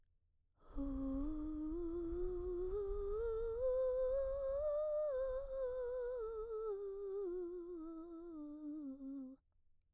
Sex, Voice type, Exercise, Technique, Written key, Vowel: female, mezzo-soprano, scales, breathy, , u